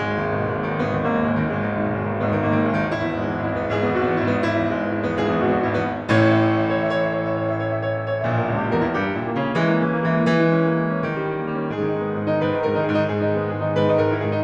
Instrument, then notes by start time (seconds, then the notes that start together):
piano
0.00 G#1 G#3
0.12 D#2 D#3
0.20 G#2 B2
0.30 D#2 D#3
0.43 G#1 G#3
0.55 D#2 D#3
0.64 G#1 B3
0.80 D#2 D#3
0.88 G#1 A#3
1.02 D#2 D#3
1.17 G#1 G#3
1.30 D#2 D#3
1.53 G#1 G#3
1.70 D#2 D#3
1.79 G#2 B2
1.88 D#2 D#3
1.97 G#1 G#3
2.09 D#2 D#3
2.19 G#1 B3
2.31 D#2 D#3
2.44 G#1 A#3
2.53 D#2 D#3
2.62 G#1 G#3
2.72 D#2 D#3
2.82 G#1 E4
3.04 E2 B3
3.12 G#2 G#3
3.25 E2 B3
3.41 G#1 E4
3.60 E2 B3
3.69 G#1 G#4
3.81 E2 B3
3.95 G#1 F#4
4.10 E2 B3
4.18 G#1 E4
4.31 E2 B3
4.49 G#1 E4
4.68 E2 B3
4.77 G#2 G#3
4.88 E2 B3
4.99 G#1 E4
5.21 E2 B3
5.31 G#1 G#4
5.49 E2 B3
5.63 G#1 F#4
5.74 E2 B3
5.82 G#1 E4
6.01 E2 B3
6.10 A1 A2 C#5
6.22 E5
6.41 C#5
6.76 E5
6.86 C#5
6.94 E5
7.13 C#5
7.24 E5
7.33 C#5
7.42 E5
7.52 C#5
7.65 E5
7.76 C#5
7.85 E5
7.95 C#5
8.05 E5
8.13 C#5
8.21 E5
8.30 A#1 A#2 C#5
8.42 E5
8.50 C#2 A#4
8.58 C#5
8.67 E2 G4
8.75 A#4
8.87 G2 E4
9.06 G4
9.21 A#2 C#4
9.31 E4
9.40 C#3 A#3
9.49 C#4
9.62 E3 G#3
9.71 A#3
9.85 E3 C#4
9.95 A#3
10.17 E3 G#3
10.26 A#3
10.38 E3
10.47 G#3
10.60 C#4
10.68 A#3
10.76 G#3
10.89 C#4
10.98 D#3
11.08 G3
11.19 C#4
11.33 A#3
11.42 G3
11.60 C#4
11.71 G#2 G#4
11.83 D#3 D#4
11.97 G#3 B3
12.05 D#3 D#4
12.14 G#2 G#4
12.28 D#3 D#4
12.43 G#2 B4
12.53 D#3 D#4
12.69 G#2 A#4
12.79 D#3 D#4
12.89 G#2 G#4
13.03 D#3 D#4
13.12 G#2 G#4
13.21 D#3 D#4
13.31 G#3 B3
13.41 D#3 D#4
13.51 G#2 G#4
13.63 D#3 D#4
13.77 G#2 B4
13.86 D#3 D#4
13.98 G#2 A#4
14.15 D#3 D#4
14.26 G#2 G#4
14.36 D#3 D#4